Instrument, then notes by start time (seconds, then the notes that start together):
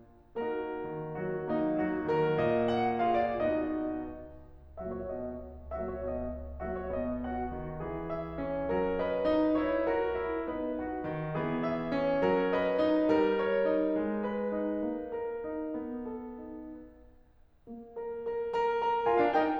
piano
0.36 A#3 D#4 F#4 A#4
0.86 D#3
1.17 F#3 F#4
1.44 A#3 D#4
1.81 F#3 F#4
2.05 D#3 A#4
2.39 A#2 D#5
2.67 F#5
2.98 F4 G#4 F5
3.14 D5
3.35 B2 B3 D#4 F#4 D#5
4.82 A#2 F#3 A#3 F#4 E5
4.93 C#5
5.08 B2 B3 D#5
5.70 A#2 F#3 A#3 F#4 E5
5.90 C#5
6.06 B2 B3 D#5
6.63 A#2 F#3 A#3 F#4 E5
6.75 C#5
6.93 B2 B3 D#5
7.25 F#4 F#5
7.56 D#3
7.83 E3 G#4
8.11 E5
8.42 C#4
8.72 G3 A#4
9.00 B4 D#5
9.29 D#4
9.59 E4 C#5
9.89 F#4 A#4
10.17 E4
10.47 B3 D#4 B4 D#5
10.80 F#4 F#5
11.05 D#3
11.36 E3 G#4
11.65 E5
11.90 C#4
12.26 F#3 A#4
12.51 B4 D#5
12.78 D#4
13.08 G3 A#4
13.35 C#5
13.62 D#4
13.91 G#3
14.19 B4
14.49 D#4
14.79 A#3
15.15 A#4
15.43 D#4
15.76 B3
16.07 A4
16.44 D#4
17.74 A#3
18.13 A#4
18.43 A#4
18.62 A#4
18.82 A#4
19.07 F4 A#4 G#5
19.19 D4 F5
19.32 D#4 A#4 G5